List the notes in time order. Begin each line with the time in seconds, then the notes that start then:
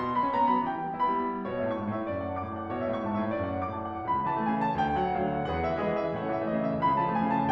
0.00 B2 C6
0.14 F#3
0.19 B5
0.23 B3
0.33 D#4 A#5
0.42 B3
0.48 B5
0.53 F#3
0.64 E3 G5
0.78 G3
0.96 B3
1.07 E4 B5
1.22 B3
1.31 G3
1.43 B2 C#5
1.54 E5
1.59 A2
1.64 A5
1.75 G#2 C#6
1.89 A5
1.94 A2
2.00 E5
2.09 F#2 D5
2.21 F#5
2.32 A5
2.43 A2 D6
2.53 A5
2.62 F#5
2.72 B2 C#5
2.84 E5
2.89 A2
2.94 A5
3.04 G#2 C#6
3.13 A5
3.19 A2
3.24 E5
3.38 F#2 D5
3.48 F#5
3.58 A5
3.67 A2 D6
3.78 A5
3.91 F#5
4.02 C#2 B5
4.14 C#3
4.20 A5
4.26 E3
4.40 A3 G#5
4.50 E3
4.55 A5
4.61 C#3
4.77 D2 G5
4.88 D3
4.92 F#5
5.00 F#3
5.13 A3 F5
5.24 F#3
5.29 F#5
5.34 D3
5.47 E2 G#4 B4 F#5
5.58 D3
5.65 E3 E5
5.78 G#3 G#4 B4 D#5
5.87 E3
5.98 E5
6.04 D3
6.14 A2 A4 C#5 F#5
6.25 C#3
6.29 E5
6.34 E3
6.47 A3 D#5
6.56 E3
6.62 E5
6.66 C#3
6.78 C#2 B5
6.93 C#3
7.00 A5
7.06 E3
7.16 A3 G#5
7.27 E3
7.31 C#3 A5